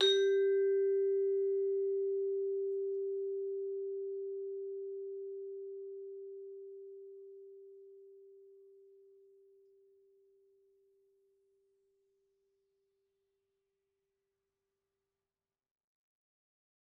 <region> pitch_keycenter=67 lokey=66 hikey=69 volume=10.651992 offset=110 lovel=84 hivel=127 ampeg_attack=0.004000 ampeg_release=15.000000 sample=Idiophones/Struck Idiophones/Vibraphone/Hard Mallets/Vibes_hard_G3_v3_rr1_Main.wav